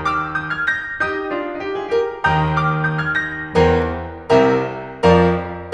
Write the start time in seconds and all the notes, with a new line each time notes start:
0.01 D6 F6
0.34 D#6 G6
0.49 F6 G#6
0.66 G6 A#6
1.03 D#4 G4 D#6 G6
1.33 D4 F4
1.62 D#4 G4
1.76 F4 G#4
1.90 G4 A#4
2.26 D#2 D#3 G5 A#5 D#6 G6
2.71 D6 F6
3.04 D#6 G6
3.18 F6 G#6
3.30 G6 A#6
3.56 E2 E3 A#4 C5 G5 A#5
4.38 C2 C3 A#4 E5 G5 A#5
5.02 F2 F3 A#4 D5 F5 A#5